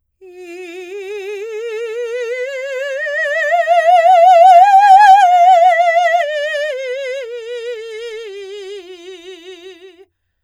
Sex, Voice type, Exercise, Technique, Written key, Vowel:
female, soprano, scales, slow/legato forte, F major, i